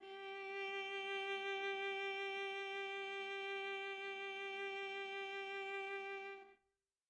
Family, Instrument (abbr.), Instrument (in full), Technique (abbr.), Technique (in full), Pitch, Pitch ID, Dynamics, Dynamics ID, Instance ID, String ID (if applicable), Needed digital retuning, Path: Strings, Va, Viola, ord, ordinario, G4, 67, mf, 2, 2, 3, FALSE, Strings/Viola/ordinario/Va-ord-G4-mf-3c-N.wav